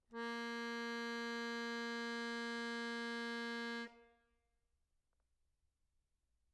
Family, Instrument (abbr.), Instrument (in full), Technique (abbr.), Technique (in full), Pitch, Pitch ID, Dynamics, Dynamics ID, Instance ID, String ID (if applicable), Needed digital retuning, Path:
Keyboards, Acc, Accordion, ord, ordinario, A#3, 58, mf, 2, 2, , FALSE, Keyboards/Accordion/ordinario/Acc-ord-A#3-mf-alt2-N.wav